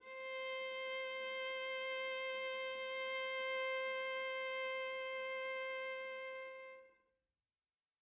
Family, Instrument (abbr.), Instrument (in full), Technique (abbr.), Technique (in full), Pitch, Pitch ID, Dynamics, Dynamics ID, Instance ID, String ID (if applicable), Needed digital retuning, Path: Strings, Va, Viola, ord, ordinario, C5, 72, mf, 2, 2, 3, FALSE, Strings/Viola/ordinario/Va-ord-C5-mf-3c-N.wav